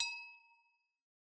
<region> pitch_keycenter=61 lokey=61 hikey=61 volume=15.000000 ampeg_attack=0.004000 ampeg_release=30.000000 sample=Idiophones/Struck Idiophones/Hand Bells, Nepalese/HB_2.wav